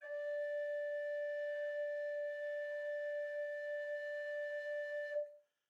<region> pitch_keycenter=74 lokey=74 hikey=75 volume=21.373427 offset=424 ampeg_attack=0.004000 ampeg_release=0.300000 sample=Aerophones/Edge-blown Aerophones/Baroque Bass Recorder/Sustain/BassRecorder_Sus_D4_rr1_Main.wav